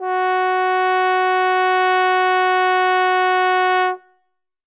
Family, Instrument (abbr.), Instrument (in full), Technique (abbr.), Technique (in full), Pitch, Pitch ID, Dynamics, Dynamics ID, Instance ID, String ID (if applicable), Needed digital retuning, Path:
Brass, Tbn, Trombone, ord, ordinario, F#4, 66, ff, 4, 0, , TRUE, Brass/Trombone/ordinario/Tbn-ord-F#4-ff-N-T10u.wav